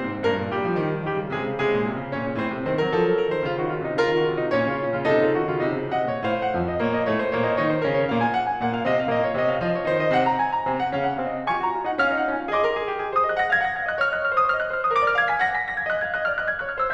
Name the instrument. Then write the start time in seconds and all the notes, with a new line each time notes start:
piano
0.00 A#2 C4 C5
0.10 G#2
0.22 G2 A#3 A#4
0.37 A#2
0.52 C#3 G3 G4
0.65 F3
0.80 D#3
0.92 F3
1.07 D#3 G3 G4
1.21 C#3
1.36 C3 G#3 G#4
1.49 C#3
1.61 C3 G#3 G#4
1.73 A#2
1.88 C3
1.99 C#3
2.10 C3 C#4 C#5
2.23 A#2
2.37 A2 C4 C5
2.53 C3
2.68 D#3 C4 C5
2.81 F#3 A#4
2.93 F3 A4
3.09 F#3
3.20 F3 A#4
3.33 D#3 C5
3.47 C#3 F4
3.60 D#3 F#4
3.72 C#3 F4
3.84 C3 D#4
3.96 C#3 F4 A#4
4.12 D#3 F#4
4.24 C#3 F4
4.39 C3 D#4
4.52 A#2 C#4 C#5
4.70 C#3 F4
4.84 A#2 C#4
4.98 C#3 F4
5.11 C3 D#4 A4
5.21 C#3 F4
5.35 D#3 F#4
5.51 C#3 F4
5.63 C3 D#4
5.77 C#3
5.93 C3 D#5 F#5
6.06 A#2 C#5
6.18 A2 C5 F5
6.40 F#5
6.55 F2 F3 F5
6.68 D#5
6.80 A#2 A#3 C#5
6.98 D#5
7.08 A2 A3 C#5
7.22 C5
7.36 A#2 A#3 C#5
7.47 D#5
7.59 D#3 D#4 C#5
7.73 C5
7.85 C#3 C#4 A#4
7.96 C#5
8.08 A#2 A#3 F5
8.23 G#5
8.35 F#5
8.49 G#5
8.63 A#2 A#3 F#5
8.73 F5
8.84 C3 C4 D#5
8.96 F5
9.09 A#2 A#3 D#5
9.21 C#5
9.32 C3 C4 D#5
9.47 F5
9.60 F3 F4 D#5
9.73 C#5
9.87 D#3 D#4 C5
10.01 D#5
10.12 C3 C4 F#5
10.25 A#5
10.39 G#5
10.50 A#5
10.66 C3 C4 G#5
10.81 F#5
10.92 C#3 C#4 F5
11.05 F#5
11.17 C3 C4 F5
11.30 D#5
11.49 F4 G#5 C#6
11.60 F#4 A#5
11.73 F4 G#5
11.87 D#4 F#5
12.02 C#4 F5 F6
12.19 D#4 F#5
12.31 F4 G#5
12.42 C#4 F5
12.52 G#4 D#5 C6
12.61 A#4
12.71 G#4
12.85 G4
13.00 G#4
13.13 C5 D#6
13.27 D#5 F#6
13.37 F#5 A#6
13.49 F5 G#6
13.63 F#5 A#6
13.75 F5 G#6
13.90 D#5 F#6
14.02 C#5 F6
14.13 D#5 F#6
14.29 C#5 F6
14.43 C5 D#6
14.55 C#5 F6
14.66 D#5 F#6
14.79 C#5 F6
14.87 B4 D#6
14.99 A#4 D6
15.08 D5 F6
15.20 F5 G#6
15.31 G#5 B6
15.44 F#5 A#6
15.55 G#5 B6
15.64 F#5 A#6
15.77 F5 G#6
15.89 D#5 F#6
16.01 F5 G#6
16.15 D#5 F#6
16.24 D5 F6
16.35 D#5 F#6
16.47 F5 G#6
16.57 D#5 F#6
16.68 C#5 F6
16.81 C5 E6